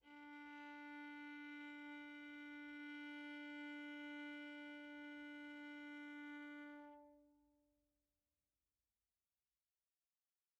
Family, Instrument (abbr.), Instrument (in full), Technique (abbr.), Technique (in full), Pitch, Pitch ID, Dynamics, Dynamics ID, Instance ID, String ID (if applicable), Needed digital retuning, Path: Strings, Va, Viola, ord, ordinario, D4, 62, pp, 0, 1, 2, FALSE, Strings/Viola/ordinario/Va-ord-D4-pp-2c-N.wav